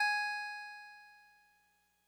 <region> pitch_keycenter=68 lokey=67 hikey=70 tune=-1 volume=13.124716 lovel=66 hivel=99 ampeg_attack=0.004000 ampeg_release=0.100000 sample=Electrophones/TX81Z/Clavisynth/Clavisynth_G#3_vl2.wav